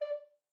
<region> pitch_keycenter=74 lokey=74 hikey=75 tune=3 volume=11.738200 offset=201 ampeg_attack=0.004000 ampeg_release=10.000000 sample=Aerophones/Edge-blown Aerophones/Baroque Tenor Recorder/Staccato/TenRecorder_Stac_D4_rr1_Main.wav